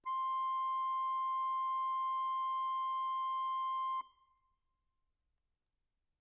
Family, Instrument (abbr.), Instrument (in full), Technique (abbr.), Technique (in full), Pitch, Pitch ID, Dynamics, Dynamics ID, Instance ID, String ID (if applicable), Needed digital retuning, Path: Keyboards, Acc, Accordion, ord, ordinario, C6, 84, mf, 2, 4, , FALSE, Keyboards/Accordion/ordinario/Acc-ord-C6-mf-alt4-N.wav